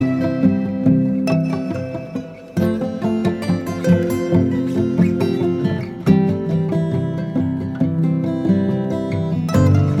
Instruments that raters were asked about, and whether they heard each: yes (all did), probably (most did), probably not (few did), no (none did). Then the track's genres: mandolin: yes
guitar: yes
banjo: probably
ukulele: yes
Folk; New Age